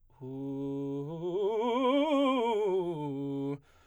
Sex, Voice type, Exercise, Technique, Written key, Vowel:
male, baritone, scales, fast/articulated forte, C major, u